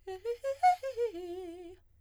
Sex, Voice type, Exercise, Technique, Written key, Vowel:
female, soprano, arpeggios, fast/articulated piano, F major, e